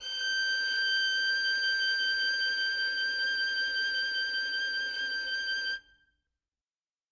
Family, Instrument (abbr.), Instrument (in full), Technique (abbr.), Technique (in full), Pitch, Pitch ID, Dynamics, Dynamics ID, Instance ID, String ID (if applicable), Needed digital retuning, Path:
Strings, Vn, Violin, ord, ordinario, G6, 91, ff, 4, 1, 2, TRUE, Strings/Violin/ordinario/Vn-ord-G6-ff-2c-T12d.wav